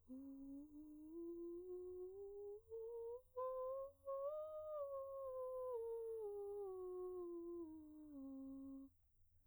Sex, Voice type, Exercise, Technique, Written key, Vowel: female, soprano, scales, breathy, , u